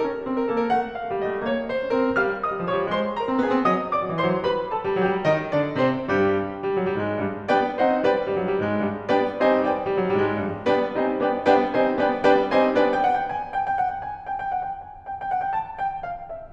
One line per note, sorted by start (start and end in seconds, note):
0.00 0.24 C#4
0.00 0.24 A#4
0.24 0.51 C4
0.37 0.51 A#4
0.51 0.71 A#3
0.51 0.63 A4
0.63 0.71 A#4
0.71 0.93 A3
0.71 0.93 F#5
0.93 1.17 F5
1.06 1.17 A3
1.17 1.28 G3
1.17 1.40 D#5
1.29 1.40 A3
1.42 1.70 A#3
1.42 1.70 C#5
1.70 1.95 C5
1.82 1.95 C#4
1.95 2.08 C4
1.95 2.21 A#4
2.08 2.21 C#4
2.21 2.44 G3
2.21 2.44 F5
2.21 2.44 F6
2.44 2.67 D#5
2.44 2.67 D#6
2.55 2.67 G3
2.67 2.80 F3
2.67 2.93 C#5
2.67 2.93 C#6
2.80 2.93 G3
2.93 3.20 G#3
2.93 3.20 C5
2.93 3.20 C6
3.20 3.39 A#4
3.20 3.39 A#5
3.29 3.39 C4
3.40 3.51 B3
3.40 3.66 G#4
3.40 3.66 G#5
3.52 3.66 C4
3.66 3.91 F#3
3.66 3.91 D#5
3.66 3.91 D#6
3.91 4.18 D5
3.91 4.18 D6
4.05 4.18 F#3
4.18 4.28 E3
4.18 4.40 C5
4.18 4.40 C6
4.28 4.40 F#3
4.40 4.70 G3
4.40 4.70 B4
4.40 4.70 B5
4.70 4.96 A4
4.70 4.96 A5
4.82 4.96 G3
4.96 5.14 F#3
4.96 5.28 G4
4.96 5.28 G5
5.14 5.28 G3
5.28 5.54 D#3
5.28 5.54 D#4
5.28 5.54 D#5
5.56 5.78 D3
5.56 5.78 D4
5.56 5.78 D5
5.79 6.06 C3
5.79 6.06 C4
5.79 6.06 C5
6.06 6.41 G2
6.06 6.41 G3
6.06 6.41 G4
6.54 6.64 G2
6.54 6.64 G3
6.64 6.77 F#2
6.64 6.77 F#3
6.77 6.91 G2
6.77 6.91 G3
6.91 7.19 G#2
6.91 7.19 G#3
7.20 7.37 G2
7.20 7.37 G3
7.50 7.80 G3
7.50 7.80 B3
7.50 7.80 D4
7.50 7.80 B4
7.50 7.80 D5
7.50 7.80 G5
7.81 8.21 G3
7.81 8.06 C4
7.81 8.06 D#4
7.81 8.06 A4
7.81 8.06 C5
7.81 8.06 D#5
7.81 8.06 F#5
8.06 8.21 B3
8.06 8.21 D4
8.06 8.21 B4
8.06 8.21 D5
8.06 8.21 G5
8.21 8.32 G2
8.21 8.32 G3
8.34 8.45 F#2
8.34 8.45 F#3
8.45 8.63 G2
8.45 8.63 G3
8.63 8.85 G#2
8.63 8.85 G#3
8.86 8.99 G2
8.86 8.99 G3
9.10 9.37 G3
9.10 9.37 B3
9.10 9.37 D4
9.10 9.37 B4
9.10 9.37 D5
9.10 9.37 G5
9.37 9.76 G3
9.37 9.62 C4
9.37 9.62 D#4
9.37 9.62 C5
9.37 9.62 D#5
9.37 9.62 F#5
9.37 9.62 A5
9.62 9.76 B3
9.62 9.76 D4
9.62 9.76 B4
9.62 9.76 D5
9.62 9.76 G5
9.76 9.87 G2
9.76 9.87 G3
9.87 9.97 F#2
9.87 9.97 F#3
9.98 10.11 G2
9.98 10.11 G3
10.11 10.40 G#2
10.11 10.40 G#3
10.40 10.52 G2
10.40 10.52 G3
10.68 10.92 G3
10.68 10.92 B3
10.68 10.92 D4
10.68 10.92 B4
10.68 10.92 D5
10.68 10.92 G5
10.92 11.33 G3
10.92 11.20 C4
10.92 11.20 D#4
10.92 11.20 C5
10.92 11.20 D#5
10.92 11.20 G#5
11.22 11.33 B3
11.22 11.33 D4
11.22 11.33 B4
11.22 11.33 D5
11.22 11.33 G5
11.49 11.73 G3
11.49 11.73 B3
11.49 11.73 D4
11.49 11.73 B4
11.49 11.73 D5
11.49 11.73 G5
11.74 12.17 G3
11.74 11.98 C4
11.74 11.98 D#4
11.74 11.98 C5
11.74 11.98 D#5
11.74 11.98 G#5
11.98 12.17 B3
11.98 12.17 D4
11.98 12.17 B4
11.98 12.17 D5
11.98 12.17 G5
12.29 12.53 G3
12.29 12.53 B3
12.29 12.53 D4
12.29 12.53 B4
12.29 12.53 D5
12.29 12.53 G5
12.53 12.89 G3
12.53 12.77 C4
12.53 12.77 D#4
12.53 12.77 C5
12.53 12.77 D#5
12.53 12.77 G#5
12.78 12.89 B3
12.78 12.89 D4
12.78 12.89 B4
12.78 12.89 D5
12.78 12.89 G5
12.89 13.01 G5
13.01 13.14 F#5
13.14 13.25 G5
13.25 13.48 G#5
13.48 13.61 G5
13.61 13.72 G5
13.72 13.86 F#5
13.86 14.00 G5
14.00 14.26 G#5
14.26 14.35 G5
14.35 14.50 G5
14.52 14.65 F#5
14.65 14.79 G5
14.79 15.08 G#5
15.08 15.20 G5
15.20 15.33 G5
15.33 15.44 F#5
15.44 15.51 G5
15.51 15.81 A5
15.81 16.03 G5
16.03 16.28 F5
16.28 16.52 E5